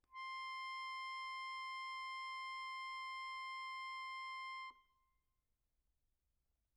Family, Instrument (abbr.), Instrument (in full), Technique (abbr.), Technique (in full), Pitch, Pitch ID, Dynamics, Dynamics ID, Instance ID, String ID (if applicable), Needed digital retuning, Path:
Keyboards, Acc, Accordion, ord, ordinario, C6, 84, pp, 0, 1, , FALSE, Keyboards/Accordion/ordinario/Acc-ord-C6-pp-alt1-N.wav